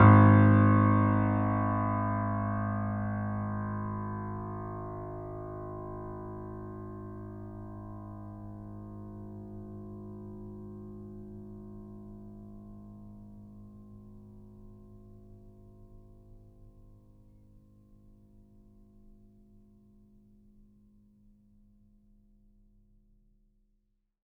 <region> pitch_keycenter=32 lokey=32 hikey=33 volume=0.182145 lovel=66 hivel=99 locc64=0 hicc64=64 ampeg_attack=0.004000 ampeg_release=0.400000 sample=Chordophones/Zithers/Grand Piano, Steinway B/NoSus/Piano_NoSus_Close_G#1_vl3_rr1.wav